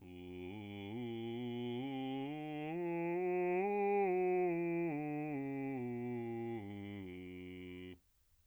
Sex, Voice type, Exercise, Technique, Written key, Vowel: male, bass, scales, slow/legato piano, F major, u